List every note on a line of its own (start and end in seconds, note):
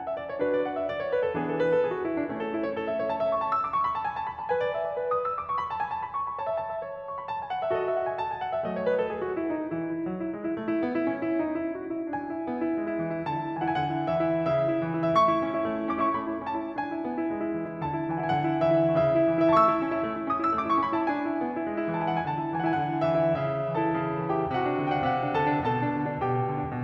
0.01 0.04 F#5
0.05 0.17 E5
0.17 0.27 D5
0.28 0.37 C#5
0.38 0.85 D4
0.38 0.85 F#4
0.38 0.48 B4
0.48 0.59 D5
0.60 0.69 F#5
0.73 0.85 E5
0.85 0.96 D5
0.97 1.06 C#5
1.07 1.20 B4
1.20 1.33 A4
1.34 1.81 E3
1.34 1.81 B3
1.34 1.81 D4
1.34 1.46 G#4
1.46 1.56 A4
1.56 1.69 B4
1.70 1.81 A4
1.81 1.91 G#4
1.91 2.06 F#4
2.07 2.15 E4
2.15 2.26 D4
2.26 2.76 A3
2.26 2.36 C#4
2.37 2.51 A4
2.51 2.62 E4
2.62 2.76 C#5
2.77 2.89 A4
2.89 2.99 E5
2.99 3.09 C#5
3.11 3.21 A5
3.21 3.30 E5
3.30 3.38 C#6
3.38 3.47 A5
3.47 3.60 E6
3.60 3.71 D6
3.72 3.85 C#6
3.85 3.96 B5
3.96 4.05 A5
4.06 4.16 G#5
4.16 4.26 A5
4.26 4.35 B5
4.36 4.49 A5
4.49 4.59 B4
4.49 5.00 G#5
4.59 4.73 D5
4.74 4.86 E5
4.86 5.00 D5
5.00 5.46 B4
5.14 5.25 D#6
5.25 5.37 E6
5.37 5.46 D6
5.47 5.59 C#6
5.59 5.69 B5
5.69 5.78 A5
5.79 5.90 G#5
5.90 6.01 A5
6.01 6.14 B5
6.15 6.25 C#6
6.25 6.37 B5
6.37 6.47 C#5
6.37 6.79 A5
6.48 6.55 E5
6.55 6.65 A5
6.65 6.79 E5
6.79 7.29 C#5
7.04 7.17 C#6
7.18 7.29 B5
7.29 7.40 A5
7.40 7.51 G#5
7.51 7.60 F#5
7.60 7.70 E5
7.70 8.19 F#4
7.70 8.19 A4
7.70 7.82 D#5
7.83 7.95 E5
7.95 8.07 F#5
8.07 8.19 G#5
8.20 8.32 A5
8.32 8.43 G#5
8.43 8.54 F#5
8.55 8.64 E5
8.64 9.11 F#3
8.64 9.11 A3
8.64 8.74 D#5
8.74 8.89 C#5
8.90 8.99 B4
8.99 9.11 A4
9.11 9.25 G#4
9.26 9.38 F#4
9.38 9.51 E4
9.51 9.72 D#4
9.73 9.93 E3
9.73 10.30 E4
9.93 10.05 E4
10.05 10.20 F#3
10.21 10.30 E4
10.30 10.42 G#3
10.42 10.50 E4
10.54 10.68 A3
10.68 10.84 E4
10.84 10.94 B3
10.95 11.08 E4
11.08 11.23 C#4
11.23 11.36 E4
11.37 11.62 D#4
11.62 11.80 E4
11.80 11.93 F#4
11.94 12.13 E4
12.13 12.27 D4
12.13 13.24 G#5
12.27 12.45 E4
12.46 12.60 B3
12.60 12.78 E4
12.78 12.87 G#3
12.88 13.01 E4
13.01 13.14 E3
13.15 13.24 E4
13.25 13.37 D3
13.25 13.51 A5
13.37 13.51 E4
13.52 13.62 E3
13.52 13.78 G#5
13.64 13.78 E4
13.78 13.94 D3
13.78 13.94 F#5
13.84 14.01 G#5
13.95 14.08 E4
13.95 14.08 F#5
14.09 14.22 E3
14.09 14.52 E5
14.22 14.52 E4
14.54 14.68 C#3
14.54 15.12 E5
14.69 14.83 E4
14.83 15.02 E3
15.03 15.12 E4
15.13 15.30 A3
15.13 15.46 E5
15.20 15.89 C#6
15.30 15.46 E4
15.47 15.63 C#4
15.63 15.73 E4
15.73 15.81 A3
15.81 15.89 E4
15.90 15.99 C#4
15.90 15.99 D6
15.99 16.13 E4
15.99 16.13 C#6
16.14 16.25 A3
16.14 16.40 B5
16.26 16.40 E4
16.40 16.54 C#4
16.40 16.75 A5
16.55 16.75 E4
16.76 16.93 D4
16.76 17.80 G#5
16.93 17.05 E4
17.06 17.19 B3
17.21 17.33 E4
17.33 17.46 G#3
17.47 17.57 E4
17.58 17.70 E3
17.70 17.80 E4
17.82 17.92 D3
17.82 18.07 A5
17.94 18.07 E4
18.07 18.18 E3
18.07 18.31 G#5
18.19 18.31 E4
18.31 18.45 D3
18.31 18.45 F#5
18.40 18.58 G#5
18.45 18.64 E4
18.45 18.64 F#5
18.65 18.87 E3
18.65 18.98 E5
18.87 18.98 E4
18.98 19.07 C#3
18.98 19.48 E5
19.08 19.24 E4
19.24 19.36 E3
19.36 19.48 E4
19.49 19.60 A3
19.49 19.77 E5
19.55 19.82 A5
19.60 19.77 E4
19.60 19.88 C#6
19.70 20.23 E6
19.77 19.88 C#4
19.89 20.02 E4
20.02 20.13 A3
20.13 20.23 E4
20.24 20.37 C#4
20.24 20.37 D#6
20.37 20.49 E4
20.37 20.49 E6
20.49 20.59 A3
20.49 20.59 D6
20.60 20.73 E4
20.60 20.73 C#6
20.73 20.96 C#4
20.73 20.96 B5
20.96 21.09 E4
20.96 21.09 A5
21.10 21.23 D4
21.23 21.41 E4
21.41 21.54 B3
21.55 21.67 E4
21.67 21.77 G#3
21.77 21.97 E4
21.98 22.10 E3
21.98 22.10 A5
22.04 22.18 G#5
22.10 22.24 E4
22.10 22.24 F#5
22.18 22.24 G#5
22.24 22.38 D3
22.24 22.48 A5
22.39 22.48 E4
22.48 22.62 E3
22.48 22.74 G#5
22.62 22.74 E4
22.75 22.88 D3
22.75 22.88 F#5
22.81 22.96 G#5
22.88 23.04 E4
22.88 23.04 F#5
23.04 23.25 E3
23.04 23.39 E5
23.26 23.39 E4
23.39 23.63 C#3
23.39 23.76 E5
23.63 23.76 E4
23.77 23.91 E3
23.77 24.28 A4
23.77 24.28 A5
23.91 24.03 E4
24.03 24.15 C#3
24.17 24.28 E4
24.28 24.41 E3
24.28 24.53 G4
24.28 24.53 G5
24.41 24.53 E4
24.55 24.69 C3
24.55 25.33 F#4
24.55 24.83 F#5
24.69 24.83 E4
24.83 24.96 D3
24.83 24.96 G5
24.90 25.01 F#5
24.97 25.08 E4
24.97 25.08 E5
25.08 25.21 C3
25.08 25.14 F#5
25.21 25.33 E4
25.34 25.54 D3
25.34 25.68 A4
25.34 25.68 A5
25.54 25.68 E4
25.68 25.83 B2
25.68 26.21 A4
25.68 26.21 A5
25.84 26.00 D4
26.00 26.11 D3
26.11 26.21 D4
26.22 26.40 B2
26.22 26.72 G4
26.22 26.72 G5
26.40 26.50 D4
26.50 26.60 D3
26.62 26.72 D4
26.72 26.84 B2